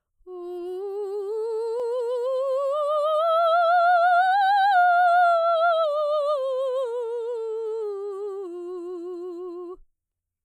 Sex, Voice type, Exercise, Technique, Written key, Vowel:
female, soprano, scales, slow/legato piano, F major, u